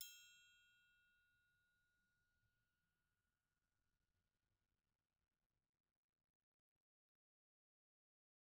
<region> pitch_keycenter=65 lokey=65 hikey=65 volume=25.707216 offset=178 lovel=0 hivel=83 seq_position=1 seq_length=2 ampeg_attack=0.004000 ampeg_release=30.000000 sample=Idiophones/Struck Idiophones/Triangles/Triangle3_Hit_v1_rr1_Mid.wav